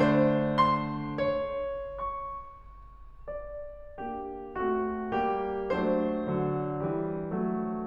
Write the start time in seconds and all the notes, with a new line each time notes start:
0.00 D3 C5
0.12 A3
0.23 D4
0.53 C6
1.22 C#5
2.03 C#6
3.29 D5
3.99 A#3 D4 G4
4.59 A3 C4 F#4
5.27 G3 A#3 G4
5.80 F#3 A3 D4 C5
6.29 D3 F#3
6.87 E3 G3
7.37 F#3 A3